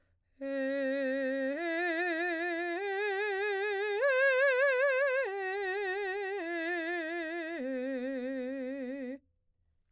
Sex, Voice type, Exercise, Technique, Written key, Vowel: female, soprano, arpeggios, slow/legato piano, C major, e